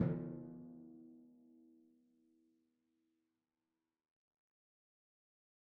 <region> pitch_keycenter=52 lokey=51 hikey=53 tune=-8 volume=19.756626 lovel=66 hivel=99 seq_position=1 seq_length=2 ampeg_attack=0.004000 ampeg_release=30.000000 sample=Membranophones/Struck Membranophones/Timpani 1/Hit/Timpani4_Hit_v3_rr1_Sum.wav